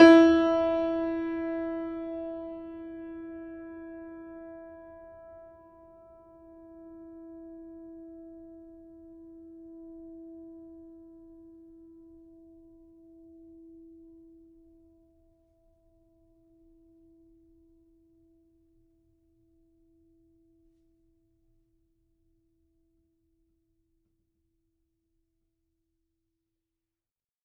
<region> pitch_keycenter=64 lokey=64 hikey=65 volume=-1.534933 lovel=100 hivel=127 locc64=65 hicc64=127 ampeg_attack=0.004000 ampeg_release=0.400000 sample=Chordophones/Zithers/Grand Piano, Steinway B/Sus/Piano_Sus_Close_E4_vl4_rr1.wav